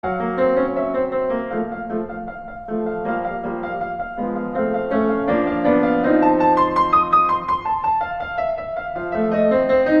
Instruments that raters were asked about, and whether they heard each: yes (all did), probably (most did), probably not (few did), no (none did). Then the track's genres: piano: yes
guitar: probably not
Classical